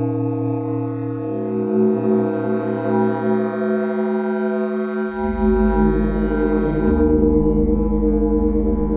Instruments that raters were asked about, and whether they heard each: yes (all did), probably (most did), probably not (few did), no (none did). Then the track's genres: trombone: probably not
cello: no
bass: no
Noise; Experimental; Ambient Electronic